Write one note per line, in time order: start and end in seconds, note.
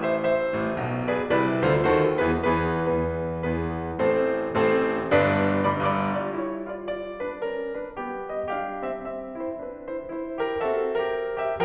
0.00 0.17 C5
0.00 0.17 E5
0.19 1.10 C5
0.19 1.10 E5
0.56 0.68 A1
0.56 0.68 A2
0.71 1.10 B1
0.71 1.10 B2
1.10 1.28 G#4
1.10 1.28 B4
1.10 1.28 D5
1.30 1.64 C2
1.30 1.64 C3
1.30 1.64 E4
1.30 1.64 B4
1.30 1.64 D5
1.66 1.85 D2
1.66 1.85 D3
1.66 1.85 F4
1.66 1.85 A4
1.66 1.85 C5
1.86 2.19 D#2
1.86 2.19 D#3
1.86 2.19 F#4
1.86 2.19 A4
1.86 2.19 C5
2.21 2.39 E2
2.21 2.39 E3
2.21 2.39 B3
2.21 2.39 G#4
2.21 2.39 B4
2.41 2.80 E2
2.41 2.80 E3
2.41 2.80 B3
2.41 2.80 G#4
2.41 2.80 B4
2.82 3.38 E2
2.82 3.38 E3
2.82 3.38 B3
2.82 3.38 G#4
2.82 3.38 B4
3.39 3.92 E2
3.39 3.92 E3
3.39 3.92 B3
3.39 3.92 G#4
3.39 3.92 B4
3.94 4.52 A1
3.94 4.52 A2
3.94 4.52 C4
3.94 4.52 A4
3.94 4.52 C5
4.54 5.03 A1
4.54 5.03 A2
4.54 5.03 C4
4.54 5.03 A4
4.54 5.03 C5
5.04 5.61 G1
5.04 5.61 G2
5.04 5.61 D4
5.04 5.61 B4
5.04 5.61 D5
5.63 5.82 G1
5.63 5.82 G2
5.63 5.82 D5
5.63 5.82 B5
5.63 5.82 D6
5.84 6.21 G1
5.84 6.21 G2
5.84 6.21 D5
5.84 6.21 B5
5.84 6.21 D6
6.22 6.39 F4
6.22 6.39 D5
6.40 8.52 G3
6.40 6.70 E4
6.40 6.70 C#5
6.71 6.87 F4
6.71 6.87 D5
6.90 7.21 F4
6.90 8.30 D5
7.23 7.41 D4
7.23 7.41 B4
7.42 7.79 C#4
7.42 7.79 A#4
7.80 8.00 D4
7.80 8.00 B4
8.02 8.52 B3
8.02 8.52 G4
8.32 8.52 D#5
8.53 9.57 G3
8.53 8.84 D4
8.53 9.35 G4
8.53 8.84 F5
8.86 9.01 C4
8.86 9.01 E5
9.02 9.35 C4
9.02 10.61 E5
9.36 9.57 E4
9.36 9.57 C5
9.60 10.61 C4
9.60 9.91 D4
9.60 9.91 B4
9.94 10.40 E4
9.94 10.12 C5
10.14 10.40 C5
10.43 10.61 G4
10.43 10.61 A#4
10.62 11.63 C4
10.62 10.94 F#4
10.62 10.94 A4
10.62 11.45 E5
10.95 11.45 G4
10.95 11.11 A#4
11.13 11.63 A#4
11.47 11.63 G4
11.47 11.63 E5